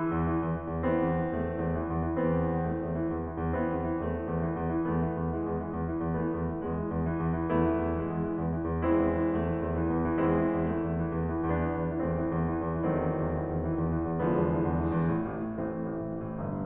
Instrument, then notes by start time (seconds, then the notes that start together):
piano
0.00 E3
0.16 E2
0.33 E3
0.46 E2
0.58 E3
0.67 E2
0.82 E3 B3 C4
0.95 E2
1.08 E3
1.23 E2 A3
1.36 E3
1.50 E2
1.64 E3
1.80 E2
1.96 E3
2.17 E2 B3 C4
2.30 E3
2.41 E2
2.58 E3 A3
2.73 E2
2.83 E3
2.94 E2
3.11 E3
3.26 E2
3.46 E3 B3 C4
3.63 E2
3.80 E3
3.95 E2 A3
4.11 E3
4.20 E2
4.32 E3
4.47 E2
4.62 E3
4.76 E2 A3 B3
4.91 E3
5.05 E2
5.19 E3 G#3
5.32 E2
5.47 E3
5.61 E2
5.78 E3
5.94 E2
6.11 E3 A3 B3
6.28 E2
6.40 E3
6.57 E2 G#3
6.70 E3
6.85 E2
7.04 E3
7.20 E2
7.35 E3
7.51 E2 A3 B3 E4
7.72 E3
7.87 E2
7.99 E3 G#3
8.14 E2
8.28 E3
8.41 E2
8.56 E3
8.66 E2
8.82 E3 G#3 C4 E4
9.02 E2
9.18 E3
9.31 E2 A3
9.45 E3
9.59 E2
9.78 E3
9.93 E2
10.05 E3
10.19 E2 G3 C4 E4
10.33 E3
10.50 E2
10.62 E3 A3
10.76 E2
10.91 E3
11.10 E2
11.25 E3
11.37 E2
11.49 E3 B3 D4
11.64 E2
11.80 E3
11.92 E2 A3 C4
12.07 E3
12.19 E2
12.35 E3
12.53 E2
12.69 E3
12.85 E2 D#3 F#3 A3 C4
12.99 E3
13.15 E2
13.33 E3
13.49 E2
13.63 E3
13.83 E2
13.94 E3
14.09 E2
14.25 D3 E3 F3 G#3 B3
14.40 E2
14.49 E3
14.63 E2
14.80 E3
14.97 E2
15.09 A2
15.24 A1
15.41 A2
15.57 A1 E3 A3 C4
15.69 A2
15.81 A1
15.92 A2
16.08 A1
16.23 A2
16.38 G1
16.52 G2